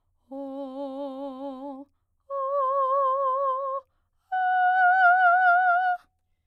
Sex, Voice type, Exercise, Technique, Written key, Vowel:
female, soprano, long tones, full voice pianissimo, , o